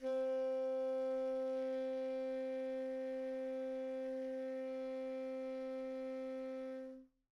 <region> pitch_keycenter=60 lokey=60 hikey=61 volume=26.522308 lovel=0 hivel=83 ampeg_attack=0.004000 ampeg_release=0.500000 sample=Aerophones/Reed Aerophones/Tenor Saxophone/Non-Vibrato/Tenor_NV_Main_C3_vl2_rr1.wav